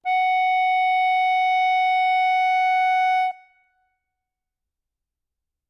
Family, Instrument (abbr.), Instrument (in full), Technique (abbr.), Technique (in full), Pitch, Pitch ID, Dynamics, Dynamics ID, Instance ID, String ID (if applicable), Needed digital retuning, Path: Keyboards, Acc, Accordion, ord, ordinario, F#5, 78, ff, 4, 1, , FALSE, Keyboards/Accordion/ordinario/Acc-ord-F#5-ff-alt1-N.wav